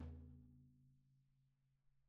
<region> pitch_keycenter=62 lokey=62 hikey=62 volume=30.998015 lovel=0 hivel=54 seq_position=2 seq_length=2 ampeg_attack=0.004000 ampeg_release=30.000000 sample=Membranophones/Struck Membranophones/Snare Drum, Rope Tension/Hi/RopeSnare_hi_sn_Main_vl1_rr1.wav